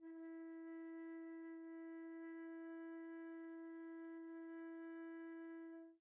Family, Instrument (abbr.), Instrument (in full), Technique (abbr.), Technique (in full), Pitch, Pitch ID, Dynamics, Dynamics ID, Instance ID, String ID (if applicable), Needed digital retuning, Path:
Winds, Fl, Flute, ord, ordinario, E4, 64, pp, 0, 0, , FALSE, Winds/Flute/ordinario/Fl-ord-E4-pp-N-N.wav